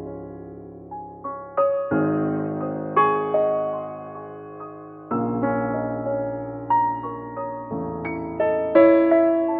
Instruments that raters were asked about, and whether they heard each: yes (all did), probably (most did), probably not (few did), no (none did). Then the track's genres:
piano: yes
drums: no
bass: no
Contemporary Classical